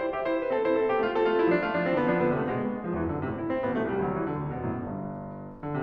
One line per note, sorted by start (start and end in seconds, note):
0.00 0.12 E4
0.00 0.12 C5
0.15 0.24 G4
0.15 0.24 E5
0.24 0.37 E4
0.24 0.37 C5
0.38 0.52 D4
0.38 0.52 B4
0.52 0.62 C4
0.52 0.62 A4
0.62 0.80 E4
0.62 0.80 C5
0.86 0.96 C4
0.86 0.96 A4
0.96 1.03 B3
0.96 1.03 G4
1.03 1.13 A3
1.03 1.13 F4
1.14 1.24 C4
1.14 1.24 A4
1.24 1.40 A3
1.24 1.40 F4
1.42 1.51 G3
1.42 1.51 E4
1.51 1.66 F3
1.51 1.66 D4
1.66 1.76 A3
1.66 1.76 F4
1.78 1.86 F3
1.78 1.86 D4
1.86 1.94 E3
1.86 1.94 C4
1.95 2.03 D3
1.95 2.03 B3
2.03 2.24 F3
2.03 2.24 D4
2.24 2.38 D3
2.24 2.38 B3
2.39 2.48 C3
2.39 2.48 A3
2.48 2.73 B2
2.48 2.59 G#3
2.59 2.73 B3
2.73 2.84 G#3
2.84 2.94 E2
2.84 2.94 F3
2.95 3.10 F#2
2.95 3.10 E3
3.10 3.20 G#2
3.10 3.20 D3
3.20 3.42 A2
3.20 3.32 C3
3.33 3.42 E4
3.42 3.60 C4
3.61 3.73 A1
3.61 3.73 B3
3.73 3.88 B1
3.73 3.88 A3
3.88 3.99 C2
3.88 3.99 G3
4.03 4.27 D2
4.03 4.18 F#3
4.18 4.27 E3
4.28 4.40 D3
4.40 4.50 D2
4.40 4.50 C3
4.50 4.63 E2
4.50 4.63 B2
4.64 4.83 F#2
4.64 4.83 A2
4.83 5.55 G1
4.83 5.55 G2
5.57 5.69 D3
5.69 5.83 C3